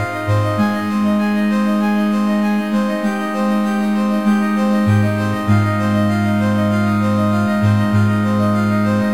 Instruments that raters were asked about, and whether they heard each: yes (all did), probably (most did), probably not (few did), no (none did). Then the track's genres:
accordion: no
mallet percussion: no
Soundtrack; Indie-Rock; Chiptune